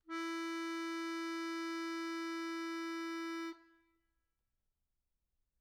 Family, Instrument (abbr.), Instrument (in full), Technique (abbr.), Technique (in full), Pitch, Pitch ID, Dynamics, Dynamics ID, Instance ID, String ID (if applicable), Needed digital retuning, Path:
Keyboards, Acc, Accordion, ord, ordinario, E4, 64, mf, 2, 5, , FALSE, Keyboards/Accordion/ordinario/Acc-ord-E4-mf-alt5-N.wav